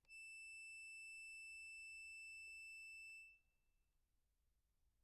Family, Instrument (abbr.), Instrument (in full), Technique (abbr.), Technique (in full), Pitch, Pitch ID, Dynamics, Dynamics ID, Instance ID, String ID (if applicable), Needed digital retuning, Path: Keyboards, Acc, Accordion, ord, ordinario, E7, 100, p, 1, 0, , FALSE, Keyboards/Accordion/ordinario/Acc-ord-E7-p-N-N.wav